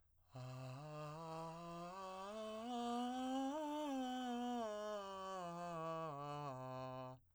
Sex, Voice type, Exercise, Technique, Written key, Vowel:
male, , scales, breathy, , a